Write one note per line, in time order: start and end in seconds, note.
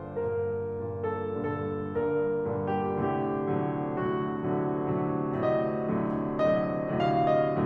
0.02 0.53 G2
0.02 0.53 A#2
0.02 0.53 D3
0.02 0.53 A#4
0.55 1.10 G2
0.55 1.10 A#2
0.55 1.10 D3
0.74 1.10 A4
1.13 1.79 G2
1.13 1.79 A#2
1.13 1.79 D3
1.13 1.79 A4
1.80 2.40 G2
1.80 2.40 A#2
1.80 2.40 D3
1.80 2.40 A#4
2.41 2.97 G2
2.41 2.97 A#2
2.41 2.97 D3
2.68 2.97 G4
2.97 3.44 A2
2.97 3.44 C3
2.97 3.44 D3
2.97 3.96 G4
3.46 3.96 A2
3.46 3.96 C3
3.46 3.96 D3
3.46 3.96 F#3
3.98 4.44 A2
3.98 4.44 C3
3.98 4.44 D3
3.98 4.44 F#3
3.98 5.97 F#4
4.46 4.88 A2
4.46 4.88 C3
4.46 4.88 D3
4.46 4.88 F#3
4.90 5.39 A2
4.90 5.39 C3
4.90 5.39 D3
4.90 5.39 F#3
5.40 5.97 A2
5.40 5.97 C3
5.40 5.97 D3
5.40 5.97 F#3
5.40 5.97 D#5
5.98 6.47 A2
5.98 6.47 C3
5.98 6.47 D3
5.98 6.47 F#3
6.48 6.99 A2
6.48 6.99 C3
6.48 6.99 D3
6.48 6.99 F#3
6.48 6.99 D#5
7.00 7.62 A2
7.00 7.62 C3
7.00 7.62 D3
7.00 7.62 F#3
7.00 7.29 F5
7.33 7.62 D#5